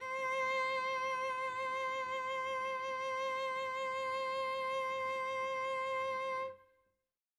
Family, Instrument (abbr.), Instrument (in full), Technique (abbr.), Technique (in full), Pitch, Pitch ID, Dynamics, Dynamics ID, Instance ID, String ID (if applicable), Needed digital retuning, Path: Strings, Vc, Cello, ord, ordinario, C5, 72, mf, 2, 1, 2, TRUE, Strings/Violoncello/ordinario/Vc-ord-C5-mf-2c-T11u.wav